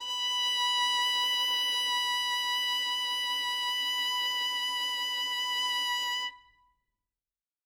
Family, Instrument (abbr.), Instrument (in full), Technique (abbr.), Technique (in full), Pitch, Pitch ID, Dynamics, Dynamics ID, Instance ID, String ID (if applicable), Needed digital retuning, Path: Strings, Vn, Violin, ord, ordinario, B5, 83, ff, 4, 1, 2, FALSE, Strings/Violin/ordinario/Vn-ord-B5-ff-2c-N.wav